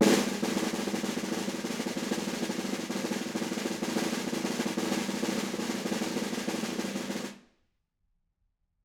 <region> pitch_keycenter=63 lokey=63 hikey=63 volume=6.238272 offset=190 lovel=100 hivel=127 ampeg_attack=0.004000 ampeg_release=0.5 sample=Membranophones/Struck Membranophones/Snare Drum, Modern 1/Snare2_rollSN_v5_rr2_Mid.wav